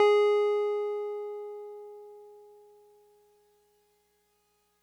<region> pitch_keycenter=68 lokey=67 hikey=70 volume=7.676619 lovel=100 hivel=127 ampeg_attack=0.004000 ampeg_release=0.100000 sample=Electrophones/TX81Z/Piano 1/Piano 1_G#3_vl3.wav